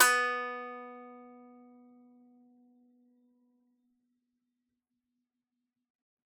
<region> pitch_keycenter=59 lokey=59 hikey=60 volume=-6.226627 lovel=100 hivel=127 ampeg_attack=0.004000 ampeg_release=15.000000 sample=Chordophones/Composite Chordophones/Strumstick/Finger/Strumstick_Finger_Str2_Main_B2_vl3_rr1.wav